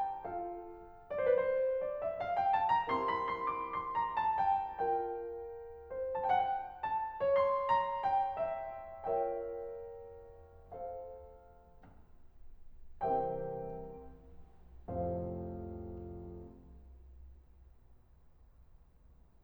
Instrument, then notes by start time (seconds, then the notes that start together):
piano
0.01 F4 A4 F5
1.14 D5
1.25 C5
1.34 B4
1.40 C5
1.53 D5
1.91 E5
2.11 F5
2.33 G5
2.55 A5
2.71 A#5
2.93 C4 E4 G4 A#4 C6
3.14 B5
3.27 C6
3.42 D6
3.63 C6
3.93 A#5
4.24 A5
4.38 G5
4.68 F4 A#4 G5
5.78 C5
6.41 A5
6.53 G5
6.64 F#5
6.74 G5
6.98 A5
7.17 C#5 C6
7.69 A#5
8.04 G5
8.39 E5
8.81 F4 A#4 C#5 E5 G5
10.33 A4 C5 F5
13.07 C3 E3 G3 C4 G4 A#4 C5 E5 G5
14.95 F2 A2 C3 F3 A4 C5 F5